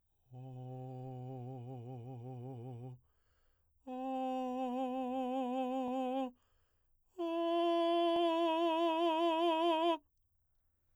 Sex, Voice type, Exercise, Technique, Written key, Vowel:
male, baritone, long tones, trillo (goat tone), , o